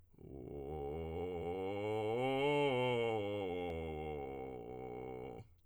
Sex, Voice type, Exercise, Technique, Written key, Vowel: male, tenor, scales, vocal fry, , o